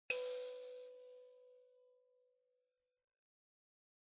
<region> pitch_keycenter=71 lokey=71 hikey=72 tune=-24 volume=21.000816 offset=4649 seq_position=2 seq_length=2 ampeg_attack=0.004000 ampeg_release=30.000000 sample=Idiophones/Plucked Idiophones/Mbira dzaVadzimu Nyamaropa, Zimbabwe, Low B/MBira4_pluck_Main_B3_16_50_100_rr2.wav